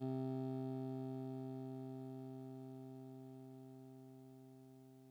<region> pitch_keycenter=36 lokey=35 hikey=38 tune=-3 volume=25.827750 lovel=0 hivel=65 ampeg_attack=0.004000 ampeg_release=0.100000 sample=Electrophones/TX81Z/Clavisynth/Clavisynth_C1_vl1.wav